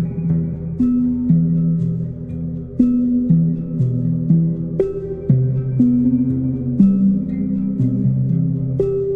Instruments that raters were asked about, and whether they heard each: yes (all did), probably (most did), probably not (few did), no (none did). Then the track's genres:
bass: no
trumpet: no
accordion: no
Soundtrack; Ambient Electronic; Instrumental